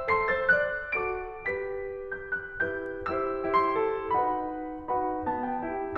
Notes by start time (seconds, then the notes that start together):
0.08 A4 C6 C7
0.38 C5 E6 A6
0.57 D5 F#6
0.96 F#4 A4 D6 D7
1.48 G4 B4 B6
2.26 G6
2.41 F#6
2.63 E4 G4 B4 G6
3.11 E4 G4 C5 E6
3.51 E4 G4 C5 C6
3.83 A4
4.15 D#4 F#4 B4 F#5 B5
4.80 D#4 F#4 B4 F#5 B5
5.28 B3 D#4 A5
5.43 G5
5.60 E4 G4 G5